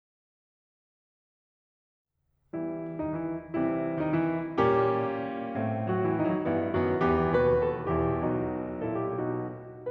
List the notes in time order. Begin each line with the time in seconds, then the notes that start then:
2.17 E3 G3 B3 E4
2.95 D#3 D#4
3.10 E3 E4
3.46 C3 E3 G3 C4 E4
3.99 D#3 D#4
4.16 E3 E4
4.59 A#2 G3 A#3 C#4 G4
5.58 A2 A3 C4
5.90 F#3 F#4
6.04 E3 E4
6.19 D#3 D#4
6.36 F#3 F#4
6.51 G2 E3 B3 E4
6.83 F#2 D#3 B3 F#4
7.07 E2 E3 B3 G4
7.37 D#2 B2 F#4 B4
7.60 A4
7.88 E2 B2 E4 G4
8.32 B1 B2 D#4 F#4
8.86 A#2 E4 A4
9.00 G4
9.18 B2 D#4 F#4